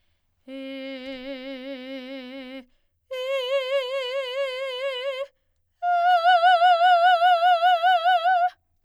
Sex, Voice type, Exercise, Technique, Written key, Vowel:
female, soprano, long tones, full voice forte, , e